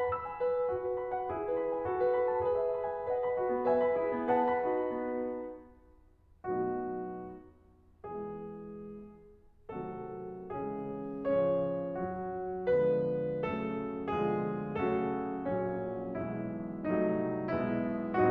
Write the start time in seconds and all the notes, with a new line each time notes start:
0.00 B5
0.15 E6
0.28 G#5
0.41 B4
0.73 D#4 F#4
0.86 B4
1.01 B5
1.16 F#5
1.31 E4 G#4
1.47 B4
1.60 B5
1.72 G#5
1.85 F#4 A4
2.01 B4
2.21 B5
2.36 A5
2.48 G#4 B4
2.59 E5
2.77 B5
2.91 G#5
3.08 B4 D#5 F#5
3.22 B5
3.37 F#4 A4
3.52 B3
3.67 B4 E5 G#5
3.80 B5
3.97 E4 G#4
4.16 C#4
4.30 B4 F#5 A5
4.46 B5
4.60 D#4 F#4
4.90 B3
5.65 B2 F#3 A3 B3 D#4 F#4
8.06 B2 E3 G#3 B3 E4 G#4
9.80 C3 D#3 F#3 A3 C4 D#4 F#4 A4
10.51 C#3 E3 G#3 C#4 E4 G#4
11.28 A2 C#3 F3 C#4 F4 C#5
11.98 F#3 F#4
12.69 D3 F3 G#3 B3 D4 F4 G#4 B4
13.46 C#3 F#3 A3 C#4 F#4 A4
14.06 B2 D3 F3 G#3 B3 D4 F4 G#4
14.66 C#3 F#3 A3 C#4 F#4 A4
15.46 A#1 A#2 F#3 C#4
16.13 B1 B2 E3 G#3 B3 E4
16.81 C2 C3 F#3 A3 D#4
17.50 B1 B2 G#3 B3 E4